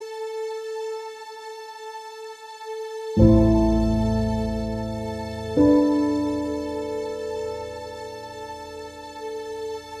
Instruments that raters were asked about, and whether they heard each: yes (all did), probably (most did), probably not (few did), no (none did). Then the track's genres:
violin: probably not
Soundtrack